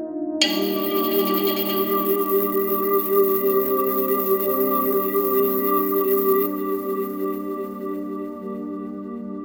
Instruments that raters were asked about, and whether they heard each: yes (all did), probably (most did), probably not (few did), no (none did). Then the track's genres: banjo: no
flute: probably
Electronic; House; Dance